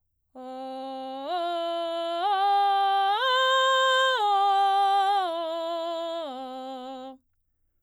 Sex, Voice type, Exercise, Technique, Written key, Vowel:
female, soprano, arpeggios, belt, C major, o